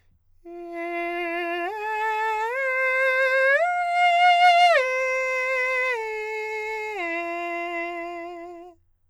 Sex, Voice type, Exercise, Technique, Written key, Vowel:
male, countertenor, arpeggios, slow/legato forte, F major, e